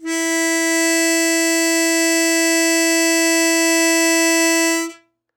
<region> pitch_keycenter=64 lokey=63 hikey=65 volume=4.290834 trigger=attack ampeg_attack=0.004000 ampeg_release=0.100000 sample=Aerophones/Free Aerophones/Harmonica-Hohner-Super64/Sustains/Normal/Hohner-Super64_Normal _E3.wav